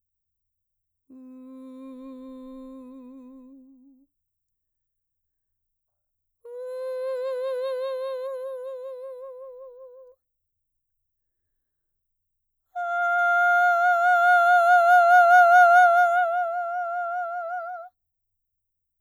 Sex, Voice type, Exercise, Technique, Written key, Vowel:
female, mezzo-soprano, long tones, messa di voce, , u